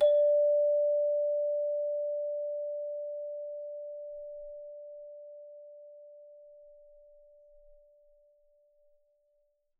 <region> pitch_keycenter=74 lokey=74 hikey=75 volume=12.535551 ampeg_attack=0.004000 ampeg_release=30.000000 sample=Idiophones/Struck Idiophones/Hand Chimes/sus_D4_r01_main.wav